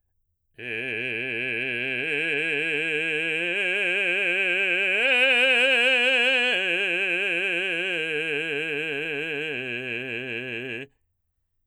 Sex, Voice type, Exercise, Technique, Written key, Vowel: male, baritone, arpeggios, vibrato, , e